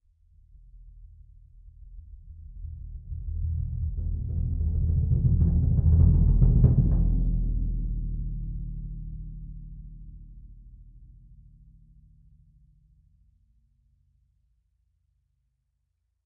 <region> pitch_keycenter=61 lokey=61 hikey=61 volume=10.000000 offset=45785 ampeg_attack=0.004000 ampeg_release=2.000000 sample=Membranophones/Struck Membranophones/Bass Drum 2/bassdrum_cresc_short.wav